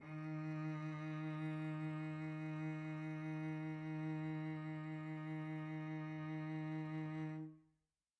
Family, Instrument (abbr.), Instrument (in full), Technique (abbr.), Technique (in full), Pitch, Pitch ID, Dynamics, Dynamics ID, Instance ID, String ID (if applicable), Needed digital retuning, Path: Strings, Vc, Cello, ord, ordinario, D#3, 51, pp, 0, 2, 3, FALSE, Strings/Violoncello/ordinario/Vc-ord-D#3-pp-3c-N.wav